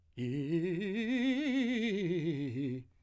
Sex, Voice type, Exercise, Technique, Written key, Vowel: male, , scales, fast/articulated piano, C major, i